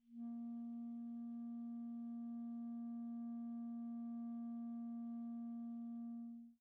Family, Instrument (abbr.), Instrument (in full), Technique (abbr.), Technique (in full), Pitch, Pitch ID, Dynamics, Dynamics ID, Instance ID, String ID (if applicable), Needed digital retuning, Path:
Winds, ClBb, Clarinet in Bb, ord, ordinario, A#3, 58, pp, 0, 0, , FALSE, Winds/Clarinet_Bb/ordinario/ClBb-ord-A#3-pp-N-N.wav